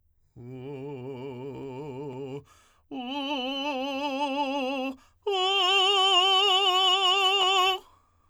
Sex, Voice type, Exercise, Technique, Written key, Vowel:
male, tenor, long tones, trill (upper semitone), , u